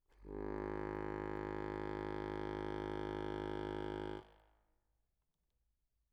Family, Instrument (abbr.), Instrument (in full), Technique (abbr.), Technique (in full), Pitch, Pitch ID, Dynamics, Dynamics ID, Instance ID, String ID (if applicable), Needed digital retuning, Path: Keyboards, Acc, Accordion, ord, ordinario, G#1, 32, mf, 2, 1, , FALSE, Keyboards/Accordion/ordinario/Acc-ord-G#1-mf-alt1-N.wav